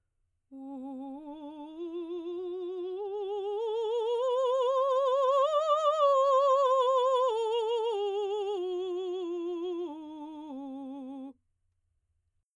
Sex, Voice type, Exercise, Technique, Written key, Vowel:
female, soprano, scales, slow/legato forte, C major, u